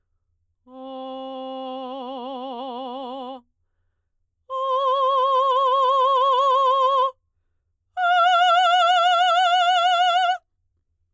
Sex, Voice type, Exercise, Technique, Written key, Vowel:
female, soprano, long tones, full voice forte, , o